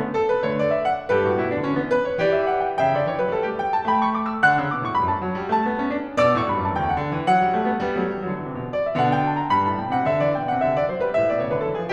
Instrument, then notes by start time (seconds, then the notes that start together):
piano
0.05 D3 A3
0.18 A4
0.32 B4
0.46 D3 A3 C#5
0.57 D5
0.71 E5
0.92 F#5
1.16 G2 G4 B4
1.29 A2 F#4
1.41 B2 E4
1.53 C#3 D4
1.63 D3 C#4
1.82 E3 B3
1.92 B4
2.06 C#5
2.23 E3 G4 D5
2.39 E5
2.53 F#5
2.66 G5
2.82 C#3 E5 G5
3.01 D3 D5
3.12 E3 C#5
3.22 F#3 B4
3.34 G3 A4
3.48 A3 G4
3.60 G5
3.73 A5
3.85 A3 G5 B5
3.99 C#6
4.08 D6
4.29 E6
4.50 D3 F#5 F#6
4.61 C#3 E6
4.75 B2 D6
4.85 A2 C#6
4.96 G2 B5
5.09 F#2 A5
5.30 F#3
5.39 G3
5.51 A3 A5
5.67 B3
5.86 C#4
5.97 D4
6.17 B2 D5 D6
6.36 A2 C#6
6.48 G2 B5
6.59 F#2 A5
6.74 E2 G5
6.88 D2 F#5
7.01 D3
7.11 E3
7.29 F#3 F#5
7.49 G3
7.60 A3
7.71 B3
7.83 G3 B3
8.01 F#3 A3
8.14 E3 G3
8.26 D3 F#3
8.43 C#3 E3
8.54 B2 D3
8.70 D5
8.85 E5
8.96 B2 D3 F#5
9.08 G5
9.31 A5
9.40 A#5
9.51 G2 B5
9.69 A2 A5
9.80 B2 G5
9.97 C3 F#5
10.09 D3 E5
10.23 E3 D5
10.41 B2 G5
10.52 C#3 F#5
10.63 D3 E5
10.80 E3 D5
10.93 F#3 C5
11.05 G3 B4
11.19 A2 E5
11.31 B2 D5
11.41 C#3 C#5
11.51 D3 B4
11.62 E3 A4
11.80 F3 G#4